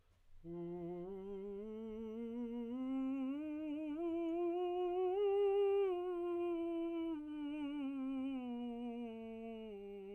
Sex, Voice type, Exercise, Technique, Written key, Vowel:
male, tenor, scales, slow/legato piano, F major, u